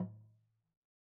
<region> pitch_keycenter=61 lokey=61 hikey=61 volume=22.130410 lovel=0 hivel=65 ampeg_attack=0.004000 ampeg_release=30.000000 sample=Idiophones/Struck Idiophones/Slit Drum/LogDrumLo_MedM_v1_rr1_Sum.wav